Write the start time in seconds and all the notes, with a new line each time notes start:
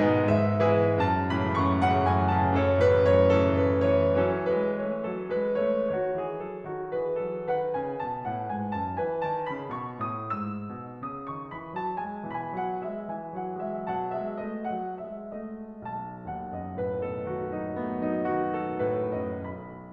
0.00 B2 D#3 G#3 D#4 G#4 B4
0.26 G#2 E5
0.59 B2 E3 G#3 E4 G#4 B4
0.96 F#2 A5
1.22 A2 C#3 E3 B5
1.53 F#2 C#6
1.76 A2 C#3 E3 F#5
1.97 F#2 G#5
2.26 A2 C#3 E3 A5
2.60 F#2 A4 C#5
2.81 A2 C#3 E3 B4
3.07 F#2 C#5
3.47 A2 C#3 E3 A4
3.77 F#2 B4
4.01 A2 C#3 E3 C#5
4.23 E3 F#3 C#4 A4
4.52 G#3 B4
4.77 A3 C#5
4.97 F#3 A4
5.31 G#3 B4
5.61 A3 C#5
5.91 D#3 F#4 C#5
6.16 E3 G#4
6.44 F#3 A4
6.66 D#3 F#4
6.92 E3 G#4 B4
7.27 F#3 A4
7.48 D#3 B4 F#5
7.76 C#3 G#5
8.03 B2 A5
8.25 A2 F#5
8.49 G#2 G#5
8.74 F#2 A5
9.00 E3 B4 G#5
9.25 D#3 A5
9.54 C#3 B5
9.78 B2 C#6
10.09 A2 D#6
10.40 G#2 E6
10.70 B2
11.10 C#3 D#6
11.32 D#3 C#6
11.51 E3 B5
11.75 F#3 A5
11.96 G#3 G#5
12.31 B2 E3 G#5 B5
12.57 F#3 F#5
12.83 G#3 E5
13.14 E3 G#5
13.36 F#3 F#5
13.58 G#3 E5
13.80 B2 F#3 F#5 A5
14.16 G#3 E5
14.43 A3 D#5
14.68 F#3 F#5
15.09 G#3 E5
15.42 A3 D#5
15.84 B1 A5
16.21 D#2 F#5
16.44 F#2 D#5
16.75 A2 B4
17.03 B2 A4
17.26 D#3 F#4
17.76 A3 B3
18.01 F#3 D#4
18.29 D#3 F#4
18.63 B2 A4
18.92 A2 B4
19.14 F#2 D#5
19.48 B1 B5